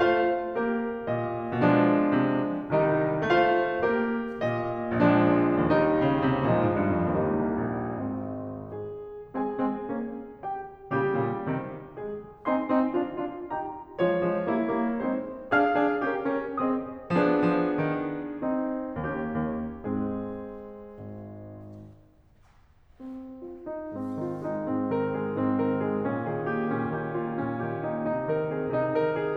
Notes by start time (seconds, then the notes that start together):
0.00 A3 F4 C5 F5
0.58 A#3 G4 A#4
1.09 A#2 D#5
1.60 B2 F3 G#3 D4
2.17 C3
2.62 C2 D#3 G3 D#4
3.24 A3 F4 C5 F5
3.87 A#3 G4 A#4
4.44 A#2 D#5
5.10 A#1 F3 G#3 D4
5.55 D#2 D#3 G3 D#4
5.99 C#3
6.28 C3
6.51 A#2 F3 G#3 D#4
6.69 G#2
6.80 G2
6.92 F2
7.02 D#2 G3 A#3 D#4
7.29 C#2
7.55 C2
7.69 A#1
7.99 G#1 G#3 C4
8.79 G#4
9.37 G#3 C4 G#4 G#5
9.62 G#3 C4
9.85 A#3 C#4
10.31 G4 G5
10.95 A#2 C#3 G3 G4
11.17 A#2 C#3
11.51 C3 D#3
11.95 G#3 G#4
12.48 C4 D#4 G#5 C6
12.71 C4 D#4
12.93 D4 F4
13.21 D4 F4
13.53 D#4 G4 G5 A#5
13.96 F3 G#3 F4 C#5
14.26 F3 G#3
14.52 G3 A#3 E4
14.78 G3 A#3
15.01 G#3 C4 D#4 C5
15.56 D4 G#4 F5 F6
15.80 D4 G#4
16.06 C#4 G4 A#4
16.25 C#4 G4 A#4
16.52 C4 G#4 C5 D#5 D#6
17.15 F3 B3 D4 G#4
17.53 F3
17.80 D#3
18.43 C4 D#4
18.99 D#2 A#3 C#4 G4
19.41 D#2
19.75 G#2 G#3 C4 G#4
20.81 G#1
23.02 C4
23.56 F4
23.73 D#4
23.89 G#2 C4
24.24 D#3 F4
24.46 G#3 D#4
24.69 G#2 C4
24.93 D#3 A#4
25.11 G#3 G#4
25.27 G#2 C4
25.60 D#3 A#4
25.86 G#3 G#4
26.05 A#2 C#4
26.23 D#3 G#4
26.51 A#3 G4
26.71 A#2 C#4
26.91 D#3 G4
27.18 A#3 F4
27.45 A#2 C#4
27.69 D#3 G4
27.89 A#3 D#4
28.08 C3 D#4
28.32 D#3 A#4
28.53 C4 G#4
28.79 C3 D#4
29.01 D#3 A#4
29.20 C4 G#4